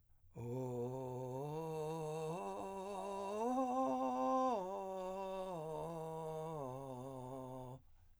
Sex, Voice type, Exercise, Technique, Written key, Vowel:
male, , arpeggios, vocal fry, , o